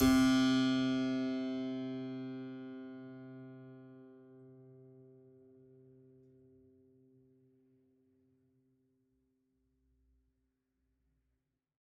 <region> pitch_keycenter=48 lokey=48 hikey=49 volume=1.332672 trigger=attack ampeg_attack=0.004000 ampeg_release=0.400000 amp_veltrack=0 sample=Chordophones/Zithers/Harpsichord, French/Sustains/Harpsi2_Normal_C2_rr1_Main.wav